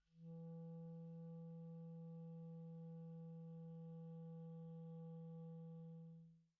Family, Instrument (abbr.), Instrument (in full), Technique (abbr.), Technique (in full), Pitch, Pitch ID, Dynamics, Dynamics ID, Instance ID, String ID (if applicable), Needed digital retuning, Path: Winds, ClBb, Clarinet in Bb, ord, ordinario, E3, 52, pp, 0, 0, , FALSE, Winds/Clarinet_Bb/ordinario/ClBb-ord-E3-pp-N-N.wav